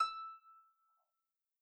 <region> pitch_keycenter=88 lokey=88 hikey=89 volume=14.803390 xfout_lovel=70 xfout_hivel=100 ampeg_attack=0.004000 ampeg_release=30.000000 sample=Chordophones/Composite Chordophones/Folk Harp/Harp_Normal_E5_v2_RR1.wav